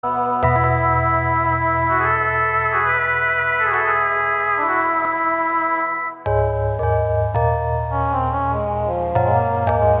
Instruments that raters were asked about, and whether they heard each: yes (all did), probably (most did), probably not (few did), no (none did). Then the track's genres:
cymbals: no
trumpet: probably not
drums: no
trombone: probably not
Pop; Psych-Folk; Experimental Pop